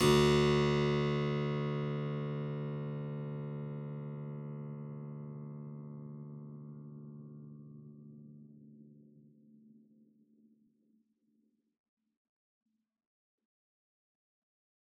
<region> pitch_keycenter=38 lokey=38 hikey=38 volume=-1.124767 trigger=attack ampeg_attack=0.004000 ampeg_release=0.400000 amp_veltrack=0 sample=Chordophones/Zithers/Harpsichord, Unk/Sustains/Harpsi4_Sus_Main_D1_rr1.wav